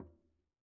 <region> pitch_keycenter=62 lokey=62 hikey=62 volume=35.997475 lovel=0 hivel=83 seq_position=1 seq_length=2 ampeg_attack=0.004000 ampeg_release=15.000000 sample=Membranophones/Struck Membranophones/Conga/Quinto_HitFM1_v1_rr1_Sum.wav